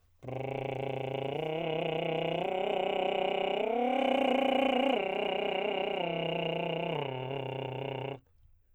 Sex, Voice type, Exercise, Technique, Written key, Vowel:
male, tenor, arpeggios, lip trill, , e